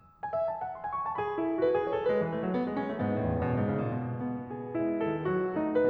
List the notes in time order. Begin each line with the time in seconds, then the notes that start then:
0.24 G#5
0.38 E5
0.49 A5
0.62 F#5
0.76 B5
0.88 G#5
1.02 C#6
1.11 A5
1.22 G#4 B5
1.41 E4
1.55 A4
1.64 F#4
1.74 B4
1.84 G#4
1.94 C#5
2.04 A4
2.14 G#3 B4
2.25 E3
2.34 A3
2.47 F#3
2.54 B3
2.65 G#3
2.78 C#4
2.90 A3
2.98 G#2 B3
3.09 E2
3.20 A2
3.35 F#2
3.49 B2
3.62 G#2
3.77 C#3
3.91 A2
4.05 B2
4.27 B3
4.51 G#4
4.77 G#3 E4
4.99 D#3 A4
5.28 F#3 F#4
5.50 A3 D#4
5.72 B4